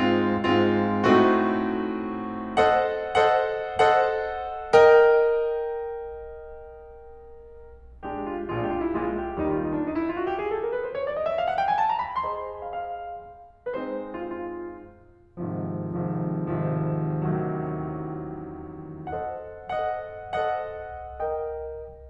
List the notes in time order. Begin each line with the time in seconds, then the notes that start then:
0.00 G#2 G#3 C4 F4
0.44 G#2 G#3 C4 F4
1.09 A2 A3 C4 D#4 F#4
2.58 A4 C5 D#5 F#5
3.16 A4 C5 D#5 F#5
3.89 A4 C5 D#5 F#5
4.73 A#4 D#5 G5
7.56 A#1 A#2 G#3 D4 G4
8.06 F4
8.43 A#1 A#2 G#3 D4 F4
8.56 G4
8.70 F4
8.81 E4
8.93 A#1 A#2 G#3 D4 F4
9.16 G4
9.39 D#2 D#3 G3 D#4
9.53 F4
9.64 D#4
9.75 D4
9.85 D#4
9.94 E4
10.04 F4
10.16 F#4
10.27 G4
10.43 G#4
10.54 A4
10.65 A#4
10.77 B4
10.89 C5
10.98 C#5
11.10 D5
11.19 D#5
11.31 E5
11.41 F5
11.56 F#5
11.67 G5
11.73 G#5
11.82 A5
11.92 A#5
12.05 B5
12.25 G#4 C5 D#5 C6
12.69 F5
12.81 F5
13.73 G#3 C4 D#4 B4
13.80 C5
14.16 F4
14.36 F4
15.46 G#1 G#2 C3 D#3 F3
16.24 G#1 G#2 C3 D#3 F3
16.76 G#1 G#2 C3 D#3 F3
17.25 A1 A2 C3 D#3 F#3
19.08 A4 C5 D#5 F#5
19.64 A4 C5 D#5 F#5
20.46 A4 C5 D#5 F#5
21.19 A#4 D#5 G5